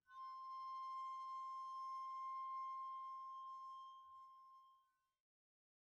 <region> pitch_keycenter=64 lokey=64 hikey=64 volume=15.000000 offset=2510 ampeg_attack=0.004000 ampeg_release=1 sample=Idiophones/Struck Idiophones/Brake Drum/BrakeDrum2_Bowed_rr1_Mid.wav